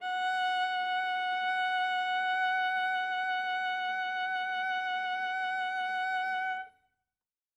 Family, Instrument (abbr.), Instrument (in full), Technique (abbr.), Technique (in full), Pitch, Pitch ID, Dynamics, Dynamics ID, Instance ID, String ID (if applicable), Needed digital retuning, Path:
Strings, Va, Viola, ord, ordinario, F#5, 78, ff, 4, 2, 3, FALSE, Strings/Viola/ordinario/Va-ord-F#5-ff-3c-N.wav